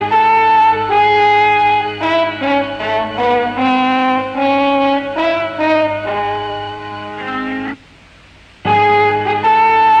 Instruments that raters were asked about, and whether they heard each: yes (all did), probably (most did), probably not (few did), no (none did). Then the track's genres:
violin: no
Experimental; Sound Collage; Trip-Hop